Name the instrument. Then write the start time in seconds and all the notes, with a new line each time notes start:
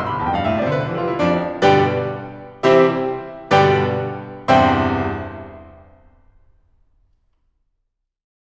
piano
0.01 C2 C6
0.10 D2 B5
0.19 E2 A5
0.27 F2 G5
0.37 G2 F5
0.47 A2 E5
0.57 B2 D5
0.67 C3 C5
0.77 D3 B4
0.86 E3 A4
0.96 F3 G4
1.05 G3 F4
1.13 A3 E4
1.22 F2 F3 D4
1.63 G2 B2 D3 G3 G4 B4 D5 G5
2.64 C3 E3 G3 C4 E4 G4 C5 E5
3.54 G2 B2 D3 G3 G4 B4 D5 G5
4.55 C2 E2 G2 C3 C5 E5 G5 C6